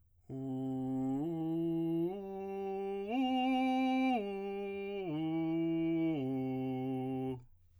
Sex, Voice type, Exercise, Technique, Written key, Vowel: male, tenor, arpeggios, straight tone, , u